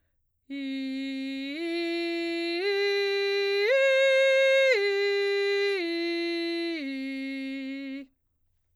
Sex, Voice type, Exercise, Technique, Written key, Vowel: female, soprano, arpeggios, straight tone, , i